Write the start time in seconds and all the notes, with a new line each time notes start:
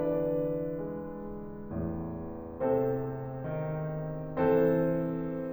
0.00 E3 D4 B4 D5
0.88 G#3
1.72 E2 A2
2.58 C3 C4 A4 C5
3.47 D#3
4.48 E3 C4 A4 C5